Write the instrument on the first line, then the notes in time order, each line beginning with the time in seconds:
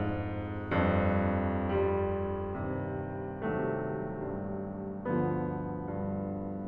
piano
0.01 F2 G#2
0.74 F2 G2
1.57 F2 G2 G3
2.54 D#2 G2 C3
3.42 D#2 G2 C3 F#3 A3
4.30 G2
5.04 D2 G2 D3 F3 B3
5.90 G2